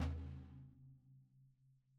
<region> pitch_keycenter=62 lokey=62 hikey=62 volume=19.979349 lovel=55 hivel=83 seq_position=2 seq_length=2 ampeg_attack=0.004000 ampeg_release=30.000000 sample=Membranophones/Struck Membranophones/Snare Drum, Rope Tension/Hi/RopeSnare_hi_sn_Main_vl2_rr2.wav